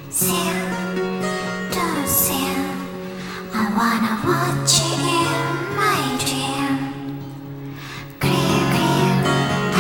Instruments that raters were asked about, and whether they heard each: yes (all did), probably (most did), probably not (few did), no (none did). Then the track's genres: voice: yes
Electronic